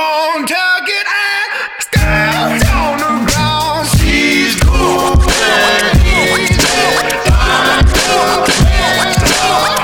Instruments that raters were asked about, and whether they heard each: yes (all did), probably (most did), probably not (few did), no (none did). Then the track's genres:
voice: yes
Blues